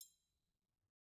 <region> pitch_keycenter=61 lokey=61 hikey=61 volume=20.014204 offset=183 seq_position=1 seq_length=2 ampeg_attack=0.004000 ampeg_release=30.000000 sample=Idiophones/Struck Idiophones/Triangles/Triangle1_HitFM_v1_rr1_Mid.wav